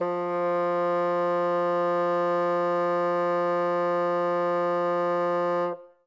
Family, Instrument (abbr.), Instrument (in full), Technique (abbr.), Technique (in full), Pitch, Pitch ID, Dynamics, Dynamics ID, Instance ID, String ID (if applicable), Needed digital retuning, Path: Winds, Bn, Bassoon, ord, ordinario, F3, 53, ff, 4, 0, , TRUE, Winds/Bassoon/ordinario/Bn-ord-F3-ff-N-T10d.wav